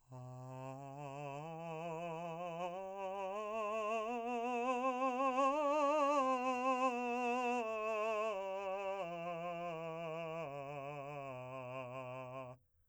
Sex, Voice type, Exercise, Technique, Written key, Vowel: male, , scales, slow/legato piano, C major, a